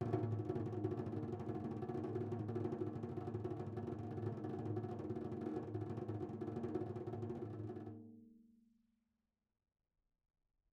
<region> pitch_keycenter=65 lokey=65 hikey=65 volume=11.777259 offset=254 lovel=84 hivel=127 ampeg_attack=0.004000 ampeg_release=1 sample=Membranophones/Struck Membranophones/Tom 1/Stick/TomH_RollS_v2_rr1_Mid.wav